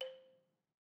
<region> pitch_keycenter=72 lokey=69 hikey=74 volume=19.702447 offset=184 lovel=66 hivel=99 ampeg_attack=0.004000 ampeg_release=30.000000 sample=Idiophones/Struck Idiophones/Balafon/Traditional Mallet/EthnicXylo_tradM_C4_vl2_rr1_Mid.wav